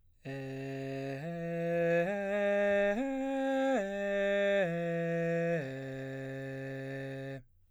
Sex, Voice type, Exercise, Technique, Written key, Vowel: male, baritone, arpeggios, straight tone, , e